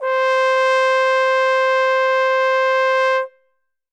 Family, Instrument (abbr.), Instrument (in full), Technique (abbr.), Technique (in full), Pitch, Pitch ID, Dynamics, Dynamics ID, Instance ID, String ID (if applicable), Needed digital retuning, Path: Brass, Tbn, Trombone, ord, ordinario, C5, 72, ff, 4, 0, , TRUE, Brass/Trombone/ordinario/Tbn-ord-C5-ff-N-T24u.wav